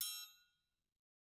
<region> pitch_keycenter=67 lokey=67 hikey=67 volume=15.653878 offset=188 lovel=84 hivel=127 seq_position=1 seq_length=2 ampeg_attack=0.004000 ampeg_release=30.000000 sample=Idiophones/Struck Idiophones/Triangles/Triangle3_HitM_v2_rr1_Mid.wav